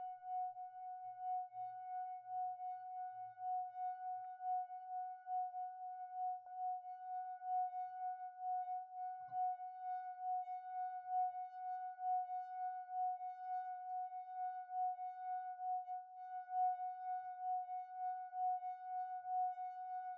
<region> pitch_keycenter=78 lokey=77 hikey=80 tune=7 volume=30.654222 trigger=attack ampeg_attack=0.004000 ampeg_release=0.500000 sample=Idiophones/Friction Idiophones/Wine Glasses/Sustains/Fast/glass2_F#4_Fast_1_Main.wav